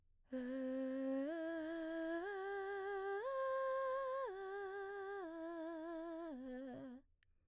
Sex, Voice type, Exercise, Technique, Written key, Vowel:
female, mezzo-soprano, arpeggios, breathy, , e